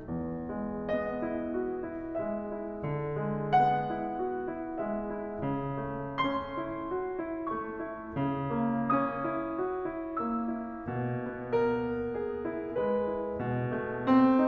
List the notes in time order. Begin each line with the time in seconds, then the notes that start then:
0.01 E2
0.52 G#3
0.95 B3 D#5
1.22 E4
1.60 F#4
1.85 E4
2.21 G#3 E5
2.48 E4
2.82 D3
3.28 G#3
3.56 B3 F#5
3.90 E4
4.26 F#4
4.49 E4
4.85 G#3 E5
5.15 E4
5.40 C#3
5.81 A3
6.25 C#4 C6
6.59 E4
6.91 F#4
7.20 E4
7.51 A3 C#6
7.81 E4
8.20 C#3
8.52 A#3
8.90 C#4 D#6
9.25 E4
9.60 F#4
9.85 E4
10.26 A#3 E6
10.65 E4
10.88 B2
11.21 B3
11.60 A#4
11.89 E4
12.14 G#4
12.44 E4
12.78 G#3 B4
13.08 E4
13.39 B2
13.68 A3
14.11 C4